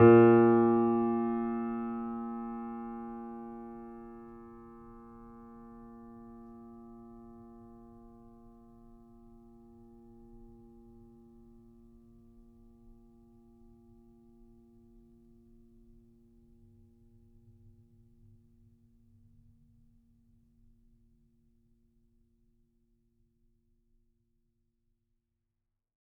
<region> pitch_keycenter=46 lokey=46 hikey=47 volume=-0.595184 lovel=66 hivel=99 locc64=0 hicc64=64 ampeg_attack=0.004000 ampeg_release=0.400000 sample=Chordophones/Zithers/Grand Piano, Steinway B/NoSus/Piano_NoSus_Close_A#2_vl3_rr1.wav